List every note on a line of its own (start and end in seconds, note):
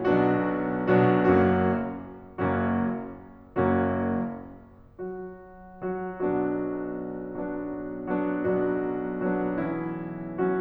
0.00 1.14 B1
0.00 1.14 B2
0.00 1.14 F#3
0.00 1.14 B3
0.00 1.14 D4
0.00 1.14 F#4
1.14 1.34 B1
1.14 1.34 B2
1.14 1.34 F#3
1.14 1.34 B3
1.14 1.34 D4
1.14 1.34 F#4
1.36 2.55 F#1
1.36 2.55 F#2
1.36 2.55 F#3
1.36 2.55 A#3
1.36 2.55 C#4
1.36 2.55 F#4
2.55 3.78 F#1
2.55 3.78 F#2
2.55 3.78 F#3
2.55 3.78 A#3
2.55 3.78 C#4
2.55 3.78 F#4
3.78 4.99 F#1
3.78 4.99 F#2
3.78 4.99 F#3
3.78 4.99 A#3
3.78 4.99 C#4
3.78 4.99 F#4
5.00 6.07 F#3
5.00 6.07 F#4
6.07 6.22 F#3
6.07 6.22 F#4
6.23 8.45 B1
6.23 10.61 B2
6.23 7.31 F#3
6.23 7.31 B3
6.23 7.31 D4
6.23 7.31 F#4
7.31 8.08 F#3
7.31 8.08 B3
7.31 8.08 D4
7.31 8.08 F#4
8.08 8.45 F#3
8.08 8.45 B3
8.08 8.45 D4
8.08 8.45 F#4
8.46 10.61 B1
8.46 9.36 F#3
8.46 9.36 B3
8.46 9.36 D4
8.46 9.36 F#4
9.37 9.59 F#3
9.37 9.59 B3
9.37 9.59 D4
9.37 9.59 F#4
9.60 10.41 E3
9.60 10.41 B3
9.60 10.41 C#4
9.60 10.41 E4
10.41 10.61 F#3
10.41 10.61 B3
10.41 10.61 D4
10.41 10.61 F#4